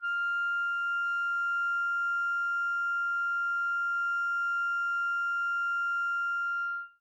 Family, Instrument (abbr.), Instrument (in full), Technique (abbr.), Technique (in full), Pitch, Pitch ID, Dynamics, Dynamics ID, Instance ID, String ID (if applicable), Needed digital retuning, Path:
Winds, ClBb, Clarinet in Bb, ord, ordinario, F6, 89, mf, 2, 0, , FALSE, Winds/Clarinet_Bb/ordinario/ClBb-ord-F6-mf-N-N.wav